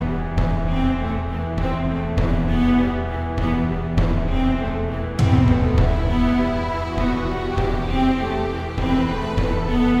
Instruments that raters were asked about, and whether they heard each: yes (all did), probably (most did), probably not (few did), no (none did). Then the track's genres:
cello: yes
Soundtrack